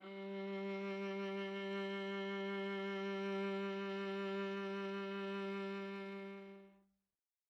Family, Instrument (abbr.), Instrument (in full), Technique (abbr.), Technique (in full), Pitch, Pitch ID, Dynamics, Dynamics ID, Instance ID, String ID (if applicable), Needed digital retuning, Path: Strings, Va, Viola, ord, ordinario, G3, 55, mf, 2, 3, 4, TRUE, Strings/Viola/ordinario/Va-ord-G3-mf-4c-T21u.wav